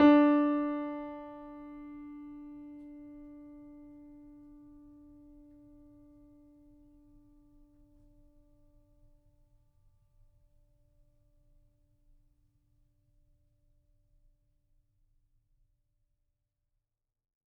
<region> pitch_keycenter=62 lokey=62 hikey=63 volume=1.563285 lovel=66 hivel=99 locc64=0 hicc64=64 ampeg_attack=0.004000 ampeg_release=0.400000 sample=Chordophones/Zithers/Grand Piano, Steinway B/NoSus/Piano_NoSus_Close_D4_vl3_rr1.wav